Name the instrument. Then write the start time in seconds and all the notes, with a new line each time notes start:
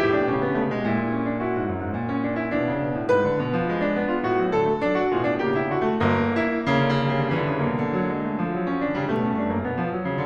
piano
0.00 A2 E4 G4
0.21 B2 D4
0.38 C#3 C#4
0.52 D3 B3
0.62 C#3 A3
0.78 B2 G#3
0.93 A#2 E4
1.03 D4
1.14 C#4
1.29 D4
1.42 E4 F#4
1.51 G#2
1.61 F#2
1.86 G#2
1.99 A#2
2.10 C#4
2.28 D4
2.38 E4
2.52 B2 D4 F#4
2.72 C#3
2.87 B2
3.00 A2
3.15 G#2 B4
3.26 D3
3.45 B2
3.56 F3
3.67 G#3
3.80 D4
3.99 B3
4.10 F4
4.30 A2 F#4
4.42 F#3
4.54 D3 A4
4.68 A3
4.83 F#3 D4
4.93 D4 F#4
5.18 B2 F4 G#4
5.31 D4
5.43 C#3 A#3 G4
5.58 E4
5.70 D3 D4 F#4
5.82 A3
5.98 G1 A#3
6.28 E4
6.51 C#3 A#3
6.57 D3
6.69 C#3
6.78 D3
6.87 C#3 G3
6.92 D3
6.98 C#3
7.04 D3
7.27 C#3 E3
7.33 D3
7.37 C#3
7.58 D3
7.71 C#3 A#3
7.76 D3
7.84 B2
7.88 C#3
7.98 D3 F#3
8.06 G#3
8.19 A3
8.49 F3
8.65 F#3
8.75 C#4
8.85 D3 D4
9.00 C#3 G3
9.08 A3
9.13 B2
9.26 A2 C#4
9.36 G2 D4
9.51 F#2 A#3
9.67 B2 B3
9.81 F3
9.91 F#3
10.02 C#3
10.12 D3